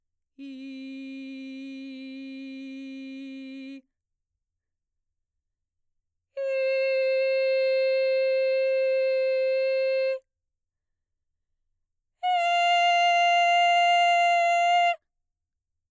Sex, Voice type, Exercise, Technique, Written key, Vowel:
female, mezzo-soprano, long tones, straight tone, , i